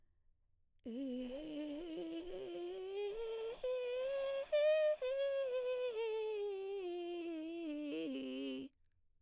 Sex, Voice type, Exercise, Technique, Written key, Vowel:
female, mezzo-soprano, scales, vocal fry, , i